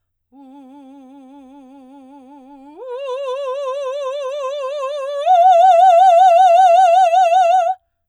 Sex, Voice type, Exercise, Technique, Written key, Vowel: female, soprano, long tones, full voice forte, , u